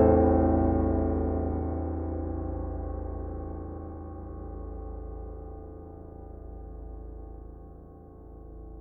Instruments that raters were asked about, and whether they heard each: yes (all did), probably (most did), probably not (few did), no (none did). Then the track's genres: piano: yes
drums: no
Soundtrack; Ambient Electronic; Unclassifiable